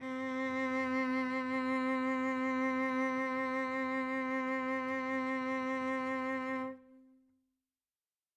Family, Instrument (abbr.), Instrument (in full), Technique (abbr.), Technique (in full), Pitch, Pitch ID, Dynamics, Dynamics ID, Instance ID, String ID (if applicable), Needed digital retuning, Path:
Strings, Vc, Cello, ord, ordinario, C4, 60, mf, 2, 2, 3, FALSE, Strings/Violoncello/ordinario/Vc-ord-C4-mf-3c-N.wav